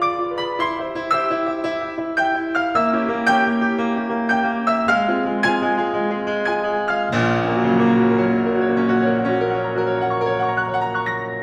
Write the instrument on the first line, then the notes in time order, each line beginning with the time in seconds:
piano
0.00 G#4 B4 D5 D6
0.17 F4
0.38 G#4 B4 D5
0.50 B5
0.59 E4 C6
0.81 G4 C5 E5
0.98 E4
1.15 G4 C5 E5 E6
1.31 E4
1.46 G4 C5 E5
1.63 E4
1.82 G4 C5 E5
2.02 E4
2.18 G4 C5 E5 G5 G6
2.38 E4
2.55 G4 C5 E5
2.67 F5 F6
2.77 A#3 E5 E6
2.95 C#4 E4 G4
3.12 A#3
3.29 C#4 E4 G4 G5 G6
3.46 A#3
3.66 C#4 E4 G4
3.81 A#3
3.94 C#4 E4 G4
4.10 A#3
4.34 C#4 E4 G4 G5 G6
4.53 A#3
4.74 C#4 E4 G4
4.82 E5 E6
4.91 G#3 F5 F6
5.10 C4 F4 G#4
5.27 G#3
5.46 C4 F4 G#4 G#5 G#6
5.68 G#3
5.87 C4 F4 G#4
6.04 G#3
6.21 C4 F4 G#4
6.36 G#3
6.52 C4 F4 G#4 G#5 G#6
6.73 G#3
6.93 C4 F4 G#4
7.02 F5 F6
7.13 A#1 A#2
7.30 C#4
7.41 A#3
7.58 C#3
7.67 F#3
7.77 A#3
7.86 F#4
7.94 C#4
8.16 F#3
8.24 A#3
8.34 C#4
8.42 A#4
8.51 F#4
8.67 A#3
8.77 C#4
8.85 F#4
8.93 C#5
9.02 A#4
9.17 C#4
9.25 F#4
9.36 A#4
9.45 F#5
9.53 C#5
9.72 F#4
9.80 A#4
9.89 C#5
9.96 A#5
10.04 F#5
10.18 A#4
10.25 C#5
10.32 F#5
10.40 C#6
10.47 A#5
10.54 F#6
10.62 C#5
10.68 F#5
10.75 A#5
10.94 F#6
11.02 C#6
11.11 A#6
11.33 D#2